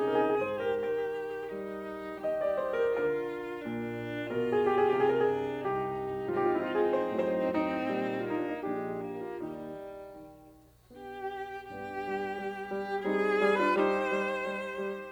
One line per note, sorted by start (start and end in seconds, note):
0.01 0.38 C3
0.01 0.38 D#4
0.01 0.18 G#4
0.10 0.27 A#4
0.19 0.38 G#4
0.28 0.47 A#4
0.38 0.75 G#2
0.38 0.56 G#4
0.38 0.56 C5
0.56 0.75 G4
0.56 0.75 A#4
0.76 1.47 D#3
0.76 1.47 G4
0.76 2.19 A#4
1.48 2.19 G3
1.48 2.19 D#4
2.20 2.97 D#3
2.20 2.97 G4
2.20 2.37 D#5
2.39 2.57 D5
2.58 2.77 C5
2.78 2.97 A#4
2.97 3.60 D3
2.97 3.60 F4
2.97 4.34 A#4
3.62 4.34 A#2
3.62 4.34 D4
4.34 4.95 B2
4.34 5.28 F4
4.34 4.52 A#4
4.44 4.70 G#4
4.71 4.85 G4
4.86 4.95 G#4
4.96 5.65 C3
4.96 5.10 G4
5.06 5.18 G#4
5.10 5.28 A#4
5.18 5.65 G#4
5.28 5.66 D4
5.66 6.38 C2
5.66 6.38 D#4
5.66 6.38 G4
6.38 7.15 G#2
6.38 7.15 F3
6.38 7.54 C4
6.38 7.54 D#4
6.38 6.48 F4
6.44 6.54 G4
6.50 6.60 F4
6.54 6.74 E4
6.66 6.84 F4
6.75 6.95 G#4
6.96 7.15 C5
7.16 7.89 A2
7.16 7.89 F#3
7.16 7.54 C5
7.54 8.17 C4
7.54 8.17 D#4
7.89 8.54 A#2
7.89 8.54 G3
8.18 8.54 A#3
8.18 8.35 F4
8.27 8.45 D#4
8.36 8.54 D4
8.46 8.64 D#4
8.55 9.34 A#1
8.55 9.34 A#2
8.55 8.91 G#3
8.55 9.34 D4
8.55 9.14 G4
8.92 9.34 A#3
9.15 9.34 F4
9.35 10.05 D#2
9.35 10.05 G3
9.35 10.05 D#4
10.06 10.90 D#3
10.91 11.69 B3
10.91 11.69 D4
10.91 11.69 G4
11.70 12.07 G2
11.70 13.03 B3
11.70 13.03 D4
11.70 13.03 G4
12.07 12.38 G3
12.39 12.68 G3
12.70 13.03 G3
13.03 13.39 G3
13.03 13.57 C4
13.03 13.57 D#4
13.03 13.58 G#4
13.40 13.74 G3
13.58 13.74 D4
13.58 13.74 F4
13.58 13.74 B4
13.75 14.14 G3
13.75 15.11 D#4
13.75 15.11 G4
13.75 15.11 C5
14.14 14.47 G3
14.47 14.80 G3
14.81 15.11 G3